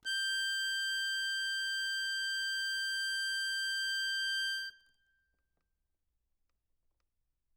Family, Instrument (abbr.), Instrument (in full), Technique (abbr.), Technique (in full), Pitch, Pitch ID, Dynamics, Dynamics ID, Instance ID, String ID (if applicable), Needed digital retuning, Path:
Keyboards, Acc, Accordion, ord, ordinario, G6, 91, ff, 4, 0, , FALSE, Keyboards/Accordion/ordinario/Acc-ord-G6-ff-N-N.wav